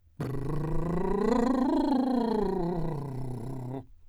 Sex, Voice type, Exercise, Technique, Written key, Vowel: male, , scales, lip trill, , e